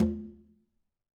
<region> pitch_keycenter=63 lokey=63 hikey=63 volume=18.363016 lovel=100 hivel=127 seq_position=1 seq_length=2 ampeg_attack=0.004000 ampeg_release=15.000000 sample=Membranophones/Struck Membranophones/Conga/Quinto_HitN_v3_rr1_Sum.wav